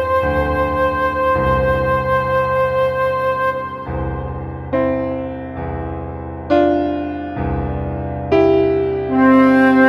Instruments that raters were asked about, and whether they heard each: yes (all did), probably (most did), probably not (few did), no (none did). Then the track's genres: trombone: probably
trumpet: probably not
piano: yes
Experimental; Ambient; New Age